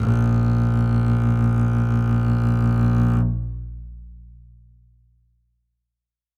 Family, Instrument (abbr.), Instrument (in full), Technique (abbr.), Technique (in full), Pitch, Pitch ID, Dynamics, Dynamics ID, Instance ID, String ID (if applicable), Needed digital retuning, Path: Strings, Cb, Contrabass, ord, ordinario, A#1, 34, ff, 4, 2, 3, FALSE, Strings/Contrabass/ordinario/Cb-ord-A#1-ff-3c-N.wav